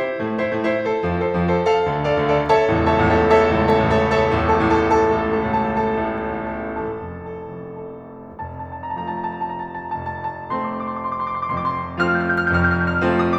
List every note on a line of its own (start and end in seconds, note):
0.00 0.36 E4
0.00 0.36 C5
0.19 0.36 A2
0.19 0.36 A3
0.37 0.64 E4
0.37 0.64 C5
0.56 0.67 G2
0.56 0.67 A3
0.64 0.88 E4
0.64 0.88 C5
0.88 1.25 A4
0.88 1.25 C5
1.09 1.25 F2
1.09 1.25 F3
1.25 1.44 A4
1.25 1.44 C5
1.38 1.47 F2
1.38 1.47 F3
1.45 1.68 A4
1.45 1.68 C5
1.68 2.10 A4
1.68 2.10 F5
1.89 2.10 D2
1.89 2.10 D3
2.10 2.30 A4
2.10 2.30 D5
2.10 2.30 F5
2.22 2.32 D2
2.22 2.32 D3
2.30 2.46 A4
2.30 2.46 D5
2.30 2.46 F5
2.47 2.89 A4
2.47 2.89 C#5
2.47 2.89 E5
2.47 2.89 A5
2.69 2.89 A1
2.69 2.89 C#2
2.69 2.89 E2
2.69 2.89 A2
2.89 3.07 A4
2.89 3.07 C#5
2.89 3.07 E5
2.89 3.07 A5
3.02 3.09 A1
3.02 3.09 C#2
3.02 3.09 E2
3.02 3.09 A2
3.08 3.23 A4
3.08 3.23 C#5
3.08 3.23 E5
3.08 3.23 A5
3.24 3.77 A4
3.24 3.77 C#5
3.24 3.77 E5
3.24 3.77 A5
3.53 3.77 A1
3.53 3.77 C#2
3.53 3.77 E2
3.53 3.77 A2
3.78 3.99 A4
3.78 3.99 C#5
3.78 3.99 E5
3.78 3.99 A5
3.95 4.03 A1
3.95 4.03 C#2
3.95 4.03 E2
3.95 4.03 A2
4.01 4.21 A4
4.01 4.21 C#5
4.01 4.21 E5
4.01 4.21 A5
4.21 4.60 A4
4.21 4.60 C#5
4.21 4.60 E5
4.21 4.60 A5
4.41 4.60 A1
4.41 4.60 C2
4.41 4.60 E2
4.41 4.60 A2
4.60 4.78 A4
4.60 4.78 A5
4.74 4.82 A1
4.74 4.82 A2
4.79 4.97 A4
4.79 4.97 A5
4.97 5.48 A4
4.97 5.48 A5
5.20 5.48 A1
5.20 5.48 A2
5.49 5.69 A4
5.49 5.69 A5
5.63 5.72 A1
5.63 5.72 A2
5.69 5.90 A4
5.69 5.90 A5
5.91 6.39 A4
5.91 6.39 A5
6.13 6.39 A1
6.13 6.39 A2
6.40 6.61 A4
6.40 6.61 A5
6.54 6.64 A1
6.54 6.64 A2
6.62 6.82 A4
6.62 6.82 A5
6.83 7.47 A4
6.83 7.47 A5
7.17 7.47 F1
7.17 7.47 F2
7.49 7.93 A4
7.49 7.93 A5
7.80 7.96 F1
7.80 7.96 F2
7.93 8.21 A4
7.93 8.21 A5
8.22 8.59 F1
8.22 8.59 F2
8.22 8.42 A5
8.35 8.50 A#5
8.45 8.59 A5
8.50 8.65 A#5
8.59 8.70 A5
8.66 8.89 A#5
8.71 8.96 A5
8.89 9.02 A#5
8.96 9.22 F3
8.96 9.22 A3
8.96 9.10 A5
9.03 9.16 A#5
9.10 9.21 A5
9.17 9.28 A#5
9.23 9.32 A5
9.29 9.38 A#5
9.33 9.45 A5
9.40 9.54 A#5
9.47 9.59 A5
9.56 9.65 A#5
9.60 9.71 A5
9.67 9.76 A#5
9.73 9.81 A5
9.78 9.90 A#5
9.83 9.95 A5
9.91 10.00 A#5
9.96 10.22 F1
9.96 10.22 F2
9.96 10.10 A5
10.02 10.15 A#5
10.11 10.21 A5
10.16 10.25 A#5
10.23 10.31 A5
10.27 10.37 A#5
10.32 10.44 A5
10.38 10.50 A#5
10.46 10.66 A3
10.46 10.66 C4
10.46 10.54 C6
10.51 10.59 D6
10.55 10.65 C6
10.61 10.68 D6
10.66 10.75 C6
10.66 10.82 D6
10.79 10.90 C6
10.87 10.97 D6
10.92 11.04 C6
10.99 11.11 D6
11.06 11.18 C6
11.15 11.23 D6
11.19 11.32 C6
11.25 11.37 D6
11.33 11.41 C6
11.38 11.49 D6
11.44 11.69 F1
11.44 11.69 F2
11.44 11.55 C6
11.51 11.61 D6
11.58 11.67 C6
11.64 11.74 D6
11.69 11.78 C6
11.75 11.84 D6
11.81 11.91 C6
11.88 11.97 D6
11.94 12.25 F3
11.94 12.25 A3
11.94 12.25 C4
11.94 12.25 F4
11.94 12.05 F6
11.98 12.18 G6
12.14 12.24 F6
12.19 12.28 G6
12.25 12.36 F6
12.33 12.41 G6
12.38 12.46 F6
12.42 12.52 G6
12.49 12.82 F1
12.49 12.82 F2
12.49 12.59 F6
12.54 12.72 G6
12.67 12.79 F6
12.77 12.86 G6
12.83 12.95 F6
12.88 13.03 G6
12.99 13.15 F6
13.07 13.21 G6
13.17 13.39 F3
13.17 13.39 A3
13.17 13.39 C4
13.17 13.39 F4
13.17 13.28 F6
13.29 13.39 D#6